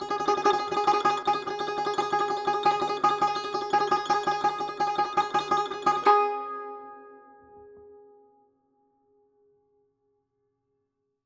<region> pitch_keycenter=68 lokey=68 hikey=69 volume=5.684103 ampeg_attack=0.004000 ampeg_release=0.300000 sample=Chordophones/Zithers/Dan Tranh/Tremolo/G#3_Trem_1.wav